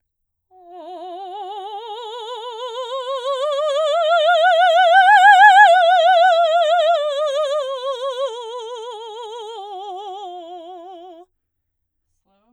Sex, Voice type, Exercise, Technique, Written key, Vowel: female, soprano, scales, slow/legato forte, F major, o